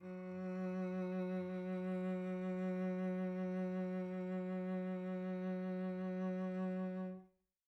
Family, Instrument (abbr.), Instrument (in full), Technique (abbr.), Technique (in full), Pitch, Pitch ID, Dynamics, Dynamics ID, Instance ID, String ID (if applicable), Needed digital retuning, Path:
Strings, Vc, Cello, ord, ordinario, F#3, 54, pp, 0, 2, 3, FALSE, Strings/Violoncello/ordinario/Vc-ord-F#3-pp-3c-N.wav